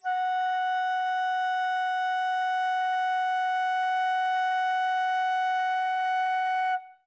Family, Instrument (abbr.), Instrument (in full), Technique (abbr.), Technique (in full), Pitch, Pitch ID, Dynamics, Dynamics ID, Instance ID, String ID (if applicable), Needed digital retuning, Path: Winds, Fl, Flute, ord, ordinario, F#5, 78, ff, 4, 0, , TRUE, Winds/Flute/ordinario/Fl-ord-F#5-ff-N-T11d.wav